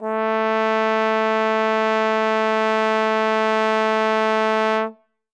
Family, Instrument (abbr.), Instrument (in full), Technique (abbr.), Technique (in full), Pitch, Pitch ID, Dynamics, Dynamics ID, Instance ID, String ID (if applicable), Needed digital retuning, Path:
Brass, Tbn, Trombone, ord, ordinario, A3, 57, ff, 4, 0, , FALSE, Brass/Trombone/ordinario/Tbn-ord-A3-ff-N-N.wav